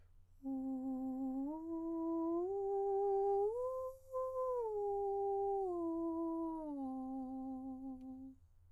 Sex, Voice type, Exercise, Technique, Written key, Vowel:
male, countertenor, arpeggios, breathy, , u